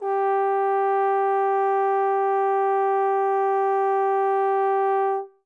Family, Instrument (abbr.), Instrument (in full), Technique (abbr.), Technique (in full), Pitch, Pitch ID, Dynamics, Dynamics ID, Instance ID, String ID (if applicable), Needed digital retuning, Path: Brass, Tbn, Trombone, ord, ordinario, G4, 67, mf, 2, 0, , FALSE, Brass/Trombone/ordinario/Tbn-ord-G4-mf-N-N.wav